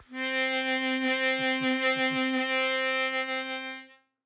<region> pitch_keycenter=60 lokey=58 hikey=62 volume=8.231031 trigger=attack ampeg_attack=0.004000 ampeg_release=0.100000 sample=Aerophones/Free Aerophones/Harmonica-Hohner-Super64/Sustains/Vib/Hohner-Super64_Vib_C3.wav